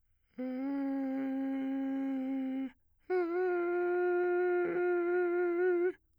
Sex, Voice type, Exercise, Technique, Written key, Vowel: male, bass, long tones, inhaled singing, , e